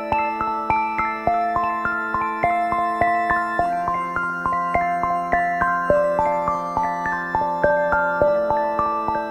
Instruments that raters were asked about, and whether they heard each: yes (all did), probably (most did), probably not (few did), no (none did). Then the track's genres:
bass: no
mallet percussion: yes
Soundtrack